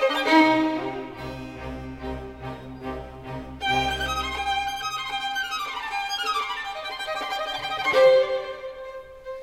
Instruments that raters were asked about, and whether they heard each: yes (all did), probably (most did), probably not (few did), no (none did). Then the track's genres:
violin: yes
mandolin: no
Classical